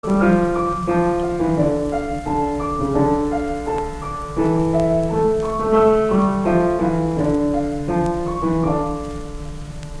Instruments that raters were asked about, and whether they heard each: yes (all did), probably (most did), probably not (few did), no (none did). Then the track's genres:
piano: yes
Folk; Opera